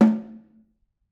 <region> pitch_keycenter=60 lokey=60 hikey=60 volume=6.175084 offset=198 lovel=107 hivel=127 seq_position=1 seq_length=2 ampeg_attack=0.004000 ampeg_release=15.000000 sample=Membranophones/Struck Membranophones/Snare Drum, Modern 1/Snare2_HitNS_v6_rr1_Mid.wav